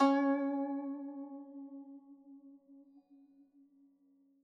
<region> pitch_keycenter=61 lokey=61 hikey=62 volume=10.180746 lovel=0 hivel=83 ampeg_attack=0.004000 ampeg_release=0.300000 sample=Chordophones/Zithers/Dan Tranh/Vibrato/C#3_vib_mf_1.wav